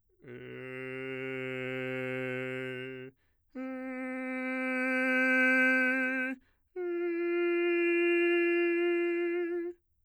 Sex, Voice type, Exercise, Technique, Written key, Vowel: male, bass, long tones, messa di voce, , e